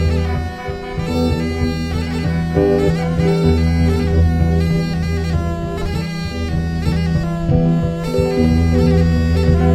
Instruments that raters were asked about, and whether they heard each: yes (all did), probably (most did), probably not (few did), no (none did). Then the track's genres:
saxophone: probably
mandolin: probably not
Folk